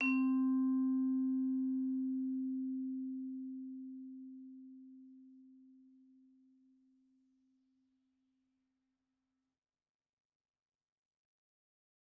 <region> pitch_keycenter=60 lokey=59 hikey=62 volume=11.563195 offset=127 lovel=84 hivel=127 ampeg_attack=0.004000 ampeg_release=15.000000 sample=Idiophones/Struck Idiophones/Vibraphone/Soft Mallets/Vibes_soft_C3_v2_rr1_Main.wav